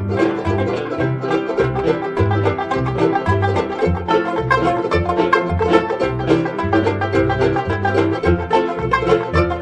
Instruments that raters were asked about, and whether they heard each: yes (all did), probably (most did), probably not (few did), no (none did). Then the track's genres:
mandolin: probably not
banjo: yes
drums: no
ukulele: probably
Old-Time / Historic